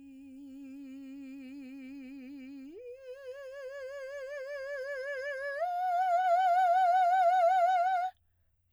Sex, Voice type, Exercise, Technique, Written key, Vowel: female, soprano, long tones, full voice pianissimo, , i